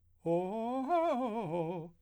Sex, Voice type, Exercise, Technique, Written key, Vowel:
male, , arpeggios, fast/articulated piano, F major, o